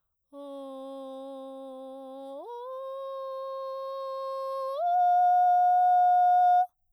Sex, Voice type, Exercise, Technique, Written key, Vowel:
female, soprano, long tones, straight tone, , o